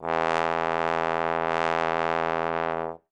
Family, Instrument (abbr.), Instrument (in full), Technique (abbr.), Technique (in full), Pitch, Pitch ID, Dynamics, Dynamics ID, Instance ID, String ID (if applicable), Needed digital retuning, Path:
Brass, Tbn, Trombone, ord, ordinario, E2, 40, ff, 4, 0, , TRUE, Brass/Trombone/ordinario/Tbn-ord-E2-ff-N-T12d.wav